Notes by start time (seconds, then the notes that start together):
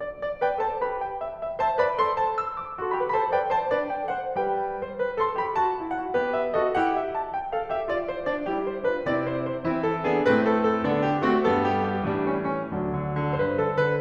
0.00 D5
0.20 D5
0.41 B4 D5 G5
0.58 A4 C5 A5
0.80 G4 B4 B5
1.00 G5
1.18 E5
1.38 E5
1.58 C5 E5 A5
1.79 B4 D5 B5
2.00 A4 C5 C6
2.21 A5
2.40 E6
2.60 D6
2.77 F#4 A4 C6
2.97 G4 B4 B5
3.15 A4 C5 A5 B5
3.32 B4 D5 G5
3.55 C5 E5 A5
3.74 D4 B4 D5
3.96 G5
4.17 D4 A4 C5 F#5
4.37 G3 G4 B4 G5
4.84 C5
5.02 B4
5.17 A4 C6
5.39 G4 B5
5.57 F#4 A5
5.80 E4 G5
5.99 F#4 F#5
6.14 B3 G4 B4
6.37 E5
6.54 F#4 A4 D#5
6.76 E4 G4 F#5
6.94 E5
7.13 A5
7.31 G5
7.52 A4 F5
7.69 G4 E5
7.91 F#4 D5
8.10 E4 C5
8.29 F#4 D5
8.49 G3 E4 G4
8.70 C5
8.89 D4 F4 B4
9.10 C3 C4 E4 D5
9.28 C5
9.50 C5
9.67 E3 C4 E4
9.82 A4
10.03 B3 D4 G#4
10.27 A2 A3 C4 B4
10.47 A4
10.63 A4
10.86 D3 B3 D4
11.04 G4
11.25 A3 C4 F#4
11.45 G2 G3 B3 A4
11.63 G4
11.83 G4
12.03 A2 E3 G3 D4
12.27 C#4
12.49 C#4
12.70 D2 F#3 D4
12.88 D3
13.18 D3
13.40 G2 B4 C5
13.58 D3 A4
13.77 D3 B4